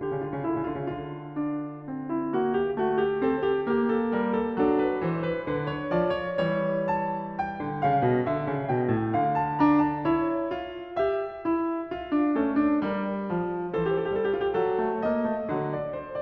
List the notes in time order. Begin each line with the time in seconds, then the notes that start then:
0.00 C#3 G4
0.08 D3
0.15 C#3
0.23 D3 F4
0.30 C#3
0.38 D3
0.43 C#3 E4
0.52 D3
0.60 C#3
0.65 D3 F4
0.74 C#3
0.80 D3
0.85 F4
1.29 D4
1.82 C4
2.12 E4
2.24 A#3
2.36 F#4
2.61 G4
2.77 A3
2.88 F#4
3.11 G4
3.20 C4
3.29 A4
3.47 G4
3.62 A#3
3.73 G4
3.95 A4
4.12 G3
4.19 A#4
4.47 A4
4.55 D4
4.62 F#3
4.67 A4
4.82 B4
4.98 E3
5.04 C5
5.24 B4
5.38 D3
5.43 B4
5.65 C#5
5.90 F3
5.97 D5
6.27 C#5
6.35 G3
6.42 E3
6.49 C#5
6.91 A5
7.41 G5
7.53 D3
7.79 C#3
7.85 F5
8.00 B2
8.17 D3
8.24 E5
8.42 C#3
8.63 B2
8.70 G5
8.85 A2
9.13 D3
9.23 F5
9.54 A5
9.60 D4
9.78 A#5
10.01 A5
10.08 E4
10.23 C#5
10.54 F4
11.03 G4
11.13 E5
11.42 E4
11.85 F4
12.10 D4
12.31 C#4
12.39 A3
12.48 A4
12.54 D4
12.76 A#4
12.83 G3
12.89 D5
13.31 F3
13.62 G4
13.66 E3 F#4
13.76 G4 C5
14.12 G3
14.48 A4
14.56 F#3
14.79 A3
14.99 A#3
15.08 D#5
15.27 A3
15.43 F#3
15.51 D3
15.80 D5
16.00 C5